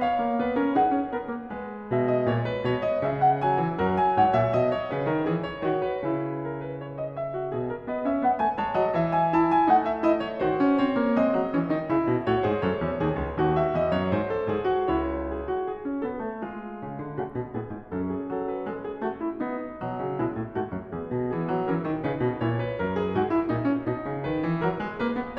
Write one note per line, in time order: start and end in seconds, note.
0.00 0.42 C#5
0.00 0.77 F5
0.23 0.43 A#3
0.42 0.59 B3
0.42 0.58 B4
0.58 0.79 C#4
0.58 0.78 A#4
0.77 0.92 D#4
0.77 1.13 G#4
0.77 1.90 F#5
0.92 1.13 C#4
1.13 1.32 B3
1.13 1.49 A#4
1.32 1.50 A#3
1.49 3.41 G#3
1.49 3.78 B4
1.90 2.32 B2
1.90 2.08 E5
2.08 2.31 D#5
2.31 2.67 A#2
2.31 2.46 C#5
2.46 2.66 B4
2.66 3.02 B2
2.66 2.81 C#5
2.81 3.01 D#5
3.01 3.78 C#3
3.01 3.20 E5
3.20 3.40 F#5
3.40 3.62 F#3
3.40 3.94 G#5
3.62 3.80 E3
3.78 4.17 F#2
3.78 5.26 F#3
3.78 4.17 A#4
3.94 4.16 G#5
4.16 4.38 G#2
4.16 4.77 C#5
4.16 4.37 F#5
4.37 4.57 A#2
4.37 4.56 E5
4.56 4.91 B2
4.56 5.40 D#5
4.77 4.91 C#5
4.91 5.09 C#3
4.91 5.09 B4
5.09 5.25 D#3
5.09 5.25 A#4
5.25 5.61 E3
5.25 5.61 G#4
5.40 5.83 C#5
5.61 6.05 D#3
5.61 6.05 F#4
5.83 6.48 B4
6.05 7.53 C#3
6.05 7.38 E4
6.48 6.63 A#4
6.63 6.83 B4
6.83 6.98 C#5
6.98 7.16 D#5
7.16 7.89 E5
7.38 7.53 F#4
7.53 7.89 B2
7.53 7.70 G#4
7.70 7.89 A#4
7.89 8.09 B3
7.89 8.58 B4
7.89 8.08 D#5
8.08 8.22 C#4
8.08 8.21 E5
8.21 8.36 B3
8.21 8.35 F#5
8.35 8.58 A3
8.35 8.57 G#5
8.57 8.73 G#3
8.57 8.73 C#5
8.57 9.13 A5
8.73 8.94 F#3
8.73 8.94 D#5
8.94 9.68 E3
8.94 9.36 E5
9.13 9.36 G#5
9.36 9.69 E4
9.36 9.47 A5
9.47 9.67 G#5
9.67 10.39 A3
9.67 10.02 D#4
9.67 9.81 F#5
9.81 10.00 E5
10.00 10.39 E4
10.00 10.21 D#5
10.21 10.38 C#5
10.38 10.51 D#3
10.38 11.18 F#4
10.38 10.72 C5
10.51 10.73 C#4
10.72 10.95 C4
10.72 11.16 C#5
10.95 11.17 A#3
11.16 11.34 G#3
11.16 11.56 C4
11.16 12.23 D#5
11.34 11.55 F#3
11.55 11.69 E3
11.55 11.69 C#4
11.69 11.83 D#3
11.69 11.84 D#4
11.83 12.04 C#3
11.83 12.25 E4
12.04 12.24 B2
12.23 12.40 A2
12.23 12.41 F#4
12.23 12.39 C#5
12.39 12.60 G#2
12.39 12.61 G#4
12.39 12.59 C5
12.59 12.83 F#2
12.59 13.03 A4
12.59 13.37 C#5
12.83 13.01 E2
13.01 13.15 D#2
13.01 13.39 G#4
13.15 13.39 C#2
13.39 13.77 D#2
13.39 14.33 F#4
13.58 13.76 E5
13.76 13.97 E2
13.76 13.97 D#5
13.97 14.16 F#2
13.97 14.15 C#5
14.15 14.48 G#2
14.15 14.90 B4
14.33 14.49 A4
14.48 14.91 G#2
14.48 14.70 G#4
14.70 14.92 F#4
14.90 15.70 C#2
14.90 15.70 E4
14.90 15.33 C#5
15.33 15.51 G#4
15.51 15.69 F#4
15.69 16.04 G#4
15.91 16.06 C#4
16.04 16.23 B3
16.04 16.39 A4
16.23 16.40 A3
16.39 17.14 G#3
16.39 17.14 F4
16.81 17.02 C#3
17.02 17.14 D3
17.14 17.31 C#3
17.14 17.53 A3
17.14 17.52 F#4
17.31 17.53 B2
17.52 17.73 A2
17.52 17.93 D#4
17.52 17.91 G#4
17.73 17.93 G#2
17.91 18.32 F#2
17.91 19.77 C#4
17.91 18.12 A4
18.12 18.31 G#4
18.31 18.69 F#3
18.31 18.51 A4
18.51 18.68 B4
18.68 19.03 G#3
18.68 18.88 A4
18.88 19.02 G#4
19.02 19.39 A3
19.02 19.19 F#4
19.19 19.38 E4
19.38 19.77 B3
19.38 20.17 D#4
19.77 19.99 B2
19.77 20.18 F#3
19.99 20.18 C#3
20.17 20.36 B2
20.17 20.51 G#3
20.17 20.51 E4
20.36 20.51 A2
20.51 20.72 G#2
20.51 20.93 A3
20.51 20.92 F#4
20.72 20.93 F#2
20.92 21.12 E2
20.92 21.32 B3
20.92 21.30 G#4
21.12 21.32 B2
21.30 21.49 E3
21.30 21.68 B3
21.30 21.68 G#4
21.49 21.68 F#3
21.68 21.87 E3
21.68 22.04 C#4
21.68 22.02 A#4
21.87 22.04 D#3
22.02 22.20 C#3
22.02 22.42 D#4
22.02 22.41 B4
22.20 22.42 B2
22.41 22.81 A#2
22.41 22.62 E4
22.41 24.23 C#5
22.62 22.81 B4
22.81 23.14 F#2
22.81 22.98 A#4
22.98 23.14 G#4
23.14 23.50 G#2
23.14 23.30 F#4
23.30 23.50 E4
23.50 23.87 A#2
23.50 23.70 D#4
23.70 23.87 C#4
23.87 24.02 B2
23.87 24.24 D#4
24.02 24.24 C#3
24.24 24.44 D#3
24.24 24.61 B4
24.44 24.61 E3
24.61 24.79 F#3
24.61 25.01 A#4
24.79 25.01 G#3
25.01 25.18 A#3
25.01 25.39 B4
25.18 25.39 B3